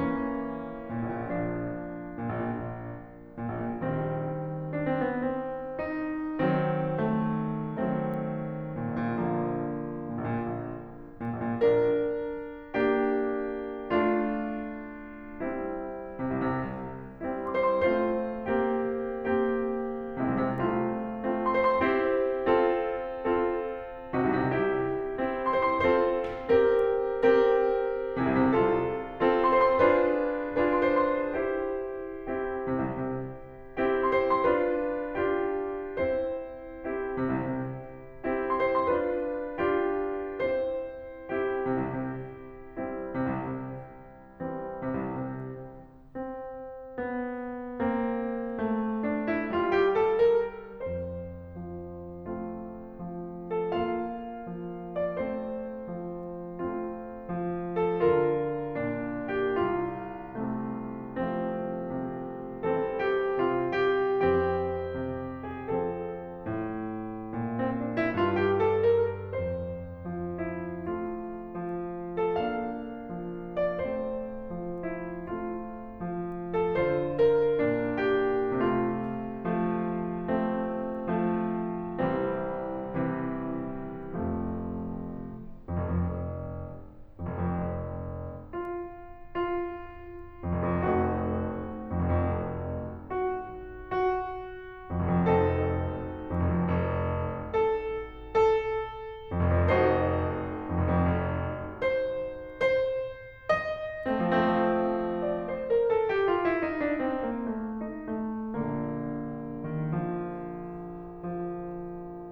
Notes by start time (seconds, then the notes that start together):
0.00 E3 A#3 C#4
0.96 A#2
1.08 A#1
1.17 A#2
1.29 A#1 F3 A#3 D4
2.16 A#2
2.30 A#1
2.41 A#2
2.58 A#1
3.51 A#2
3.60 A#1
3.70 A#2
3.81 A#1 D#3 G3 C4
4.59 D4
4.74 C4
4.89 B3
5.04 C4
5.76 D#4
6.41 D#3 F#3 C4
7.00 A3
7.80 D#3 F#3 A3 C4
8.79 A#2
8.90 A#1
9.02 A#2
9.11 A#1 D3 F3 A#3
10.02 A#2
10.12 A#1
10.23 A#2
10.33 A#1
11.25 A#2
11.37 A#1
11.48 A#2
11.60 A#1 D4 A#4
12.77 A#3 D4 G4
13.93 A3 D4 F4
15.42 G3 C4 E4
16.25 C3
16.47 C2
16.58 C3
16.66 C2
17.29 G3 C4 E4
17.58 C6
17.69 C5
17.80 C6
17.88 A3 C4 F4 C5
18.51 A#3 C4 G4
19.26 A#3 C4 G4
20.19 C3 G#3 C4 E4
20.29 C2
20.39 C3
20.47 C2 A3 C4 F4
21.06 A3 C4 F4
21.40 C6
21.55 C5
21.68 C6
21.77 C4 E4 G4 C5
22.42 C4 F4 A4
23.08 C4 F4 A4
24.17 C3 D#4 F#4
24.29 C2
24.40 C3
24.46 C2 E4 G4
25.02 C4 E4 G4
25.38 C6
25.50 C5
25.63 C6
25.75 C4 F4 A4 C5
26.48 C4 G4 A#4
27.26 C4 G4 A#4
28.18 C3 E4 G#4
28.28 C2
28.41 C3
28.55 C2 F4 A4
29.21 C4 F4 A4
29.45 C6
29.56 C5
29.68 C6
29.80 D4 F4 G#4 B4 C5
30.57 D4 F4 G#4 B4
30.96 C6
31.13 C5
31.25 C6
31.35 E4 G4 C5
32.24 C4 E4 G4
32.72 C3
32.93 C2
33.08 C3
33.70 C4 E4 G4
34.06 C6
34.30 C5
34.47 D4 F4 B4 C6
35.19 D4 F4 G4
36.01 E4 G4 C5
36.86 C4 E4 G4
37.20 C3
37.40 C2
37.57 C3
38.27 C4 E4 G4
38.58 C6
38.75 C5
38.91 D4 F4 B4 C6
39.76 D4 F4 G4
40.45 E4 G4 C5
41.35 C4 E4 G4
41.62 C3
41.76 C2
41.91 C3
42.62 G3 C4 E4
43.10 C3
43.27 C2
43.47 C3
44.19 E3 G3 C4
44.79 C3
44.98 C2
45.20 C3
45.99 C4
46.97 B3
47.82 A#3 C4
48.69 A3
49.08 D4
49.30 E4
49.49 G3 A#3 F4
49.77 G4
49.98 A4
50.19 A#4
50.70 F2 C5
51.61 F3
52.28 A3 C4 F4
53.08 F3
53.64 A4
53.79 A#3 D4 F4 F5
54.54 F3
55.07 D5
55.25 A3 C4 C5
55.88 F3
56.55 A3 C4 F4
57.18 F3
57.74 A4
58.02 D3 F4 A#4
58.73 A#2 D4
59.36 G4
59.58 C2 F4
60.40 C3 A3
61.11 F3 A3 C4
61.86 C3
62.67 E3 G3 C4 A4
63.01 G4
63.37 C3 F4
63.83 G4
64.28 E3 C4 G4
65.03 C3
65.50 G#4
65.69 F3 A4
66.47 A2
67.36 A#2
67.60 C4
67.78 D4
67.95 E4
68.16 G2 F4
68.35 G4
68.57 A4
68.92 A#4
69.30 F2 C5
70.08 F3
70.53 E4
70.77 A3 C4 F4
71.53 F3
72.17 A4
72.48 A#3 D4 F4 F5
73.21 F3
73.70 D5
73.86 A3 C4 C5
74.68 F3
75.17 E4
75.35 A3 C4 F4
76.06 F3
76.52 A4
76.73 D3 F4 A#4
77.60 A#2 D4
78.09 G4
78.59 C3 A3 F4
79.52 F3 A3
80.32 A3 C4
81.21 F3 A3
82.02 C2 E3 G3 C4
82.91 C3 E3
84.16 F1 F2 C3 F3 A3
85.38 F2
85.69 F1
85.88 F2
86.04 F1
87.18 F2
87.28 F1
87.42 F2
87.57 F1
88.49 F4
89.29 F4
90.45 F2
90.55 F1
90.77 F2
90.88 F1 A3 C4 D#4 F#4
91.90 F2
92.00 F1
92.15 F2
92.32 F1
93.03 F#4
93.79 F#4
94.91 F2
95.04 F1
95.17 F2
95.26 F1 C4 D#4 F#4 A4
96.35 F2
96.46 F1
96.68 F2
96.82 F1
97.51 A4
98.22 A4
99.32 F2
99.40 F1
99.51 F2
99.65 F1 D#4 F#4 A4 C5
100.72 F2
100.86 F1
100.98 F2
101.17 F1
101.83 C5
102.67 C5
103.50 D#5
104.08 A3 C4
104.34 F3
104.83 A3 C4
104.93 F3
105.42 D5
105.57 C5
105.73 A#4
105.92 A4
106.06 G4
106.29 F4
106.45 E4
106.63 D#4
106.79 D4
107.00 C4
107.26 A#3
107.50 A3
107.89 D#4
108.15 A3
108.34 A#1 A#2 D3 A#3
109.77 D#3
109.95 F3
111.22 F3